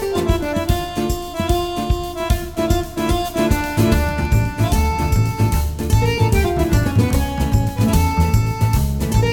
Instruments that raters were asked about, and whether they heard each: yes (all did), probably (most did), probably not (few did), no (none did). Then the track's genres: accordion: probably
mandolin: no
banjo: probably
Soundtrack; Ambient Electronic; Unclassifiable